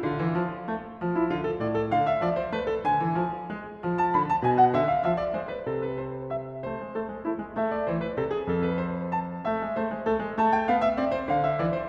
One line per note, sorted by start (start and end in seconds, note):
0.00 0.20 D3
0.00 1.14 F4
0.20 0.35 E3
0.35 0.70 F3
0.70 0.99 A3
0.99 1.32 F3
1.14 1.32 E4
1.32 1.60 D3
1.32 1.46 F4
1.46 1.60 A4
1.60 1.90 A2
1.60 1.76 D5
1.76 1.90 A4
1.90 2.22 D3
1.90 2.05 F5
2.05 2.22 E5
2.22 2.52 F3
2.22 2.36 D5
2.36 2.52 C5
2.52 2.86 A3
2.52 2.68 B4
2.68 2.86 A4
2.86 3.03 D3
2.86 3.97 G#5
3.03 3.15 E3
3.15 3.49 F3
3.49 3.82 G#3
3.82 4.13 F3
3.97 4.13 A5
4.13 4.45 D3
4.13 4.28 B5
4.28 4.45 A5
4.45 4.73 B2
4.45 4.54 G#5
4.54 4.73 F#5
4.73 5.02 D3
4.73 4.92 E5
4.92 5.02 F5
5.02 5.29 F3
5.02 5.19 E5
5.19 5.29 D5
5.29 5.68 G#3
5.29 5.48 C5
5.48 5.68 B4
5.68 6.65 C3
5.68 5.85 A4
5.85 6.01 B4
6.01 6.30 C5
6.30 6.65 E5
6.65 6.83 A3
6.65 6.98 C5
6.83 6.98 G#3
6.98 7.09 A3
6.98 7.26 A4
7.09 7.26 G#3
7.26 7.40 A3
7.26 7.51 E4
7.40 7.51 G#3
7.51 7.91 A3
7.51 7.72 E5
7.72 7.91 D5
7.91 8.16 E3
7.91 7.95 C5
7.95 8.16 B4
8.16 8.46 C3
8.16 8.30 A4
8.30 8.46 G#4
8.46 9.45 F2
8.46 8.66 A4
8.66 8.80 B4
8.80 9.11 C5
9.11 9.45 A5
9.45 9.62 A3
9.45 9.79 E5
9.62 9.79 G#3
9.79 9.93 A3
9.79 10.07 C5
9.93 10.07 G#3
10.07 10.22 A3
10.07 10.34 A4
10.22 10.34 G#3
10.34 10.68 A3
10.34 10.50 A5
10.50 10.68 G5
10.68 10.99 B3
10.68 10.83 F5
10.83 10.99 E5
10.99 11.28 C4
10.99 11.13 D5
11.13 11.28 C5
11.28 11.59 D3
11.28 11.44 F5
11.44 11.59 E5
11.59 11.89 E3
11.59 11.73 D5
11.73 11.89 C5